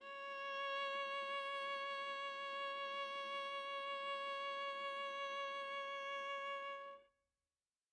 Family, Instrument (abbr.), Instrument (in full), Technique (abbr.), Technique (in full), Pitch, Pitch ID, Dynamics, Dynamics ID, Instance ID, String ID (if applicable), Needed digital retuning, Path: Strings, Va, Viola, ord, ordinario, C#5, 73, mf, 2, 2, 3, FALSE, Strings/Viola/ordinario/Va-ord-C#5-mf-3c-N.wav